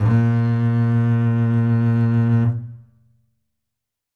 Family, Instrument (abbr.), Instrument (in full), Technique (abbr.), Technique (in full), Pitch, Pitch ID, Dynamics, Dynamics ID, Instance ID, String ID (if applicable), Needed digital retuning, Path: Strings, Cb, Contrabass, ord, ordinario, A#2, 46, ff, 4, 3, 4, TRUE, Strings/Contrabass/ordinario/Cb-ord-A#2-ff-4c-T21u.wav